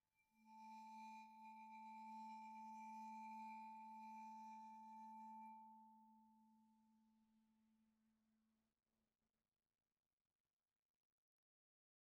<region> pitch_keycenter=57 lokey=57 hikey=60 volume=26.997378 offset=8139 ampeg_attack=0.004000 ampeg_release=5.000000 sample=Idiophones/Struck Idiophones/Vibraphone/Bowed/Vibes_bowed_A2_rr1_Main.wav